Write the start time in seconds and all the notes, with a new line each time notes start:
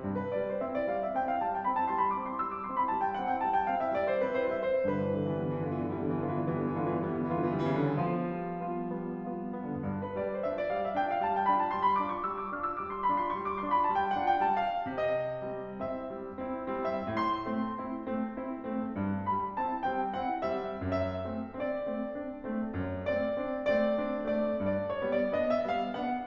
0.00 G2
0.14 B4
0.33 G3 C4 D5
0.51 C5
0.62 C4 E4 E5
0.73 D5
0.86 G3 C4 F5
1.00 E5
1.14 C4 E4 G5
1.25 F5
1.40 G3 C4 A5
1.56 G5
1.70 C4 E4 B5
1.80 A5
1.93 G3 C4 C6
2.04 B5
2.17 C4 E4 D6
2.32 C6
2.47 G3 C4 E6
2.59 D6
2.69 C4 E4 C6
2.79 B5
2.90 G3 C4 A5
3.01 G5
3.11 C4 E4 F#5
3.25 G5
3.37 G3 C4 A5
3.48 G5
3.70 C4 E4 F5
3.80 E5
3.99 G3 C4 D5
4.12 C5
4.27 C4 E4 B4
4.38 C5
4.56 G3 C4 E5
4.67 C5
4.88 G2 B4
5.09 D3
5.24 E3 G3 B3
5.41 D3
5.63 E3 B3 F4
5.77 D3
5.93 E3 G3 B3
6.08 D3
6.27 E3 B3 F4
6.42 D3
6.56 E3 G3 B3
6.69 D3
6.82 E3 B3 F4
6.95 D3
7.06 E3 G3 B3
7.16 D3
7.27 E3 B3 F4
7.40 D3
7.51 E3 G3 B3
7.62 D3
7.74 E3 B3 F4
7.85 D3
7.98 C#3 G3 B3
8.12 D3
8.32 F3 B3 F4
8.66 G3 B3
8.87 B3 F4
9.16 G3 B3
9.42 B3 F4
9.67 G3 B3
9.78 D3
9.93 G2
10.04 B4
10.16 G3 D4 D5
10.26 C5
10.46 D4 F4 E5
10.58 D5
10.72 G3 D4 F5
10.84 E5
10.98 D4 F4 G5
11.10 F5
11.23 G3 D4 A5
11.33 G5
11.47 D4 F4 B5
11.58 A5
11.73 G3 D4 C6
11.83 B5
11.96 D4 F4 D6
12.16 C#6
12.38 G3 D4 E6
12.49 D6
12.63 D4 F4 F6
12.76 E6
12.89 G3 D4 D6
13.00 C6
13.13 D4 F4 B5
13.24 C6
13.36 G3 D4 C#6
13.48 D6
13.60 D4 F4 C6
13.70 B5
13.82 G3 D4 A5
13.93 G5
14.16 B3 D4 F#5
14.32 G5
14.49 G3 B3 A5
14.59 F5
14.78 C3 D#5
15.48 G3 C4
15.81 C4 E4 E5
16.10 G3 C4
16.37 C4 E4
16.72 G3 C4
17.06 A2 E5
17.24 C6
17.47 A3 C4
17.79 C4 E4
18.04 A3 C4
18.38 C4 E4
18.74 A3 C4
18.95 G2
19.26 G3 C4 B5
19.59 C4 E4 A5
19.82 G3 C4 G5
20.14 C4 E4 F#5
20.53 G3 C4 E5
20.81 F#2 E5
21.25 A3 C4
21.55 C4 D4 D5
21.95 A3 C4
22.19 C4 D4
22.47 A3 C4
22.76 F#2
23.09 A3 C4 D5
23.35 C4 D4
23.63 A3 C4 D5
23.97 C4 D4
24.24 A3 C4 D5
24.56 G2 D5
24.95 C#5
25.09 G3 B3
25.17 D5
25.33 B3 D4 D#5
25.51 E5
25.63 G3 B3
25.70 F5
25.91 B3 D4 F#5